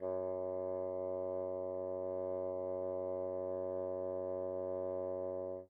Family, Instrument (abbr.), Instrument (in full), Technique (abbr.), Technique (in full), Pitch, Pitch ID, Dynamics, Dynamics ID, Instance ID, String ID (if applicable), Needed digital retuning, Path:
Winds, Bn, Bassoon, ord, ordinario, F#2, 42, pp, 0, 0, , TRUE, Winds/Bassoon/ordinario/Bn-ord-F#2-pp-N-T12d.wav